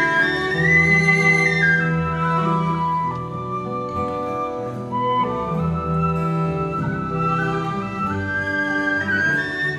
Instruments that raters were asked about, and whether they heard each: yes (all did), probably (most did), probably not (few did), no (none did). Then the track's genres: flute: yes
organ: no
Celtic; Choral Music